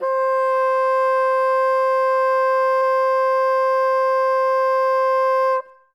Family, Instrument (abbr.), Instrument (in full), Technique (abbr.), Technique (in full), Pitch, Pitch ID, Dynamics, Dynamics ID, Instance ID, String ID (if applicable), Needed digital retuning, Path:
Winds, Bn, Bassoon, ord, ordinario, C5, 72, ff, 4, 0, , FALSE, Winds/Bassoon/ordinario/Bn-ord-C5-ff-N-N.wav